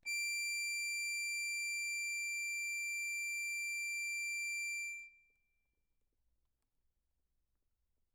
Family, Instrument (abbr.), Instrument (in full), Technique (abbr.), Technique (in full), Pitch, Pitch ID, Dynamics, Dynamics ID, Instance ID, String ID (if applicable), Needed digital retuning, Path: Keyboards, Acc, Accordion, ord, ordinario, D7, 98, mf, 2, 0, , FALSE, Keyboards/Accordion/ordinario/Acc-ord-D7-mf-N-N.wav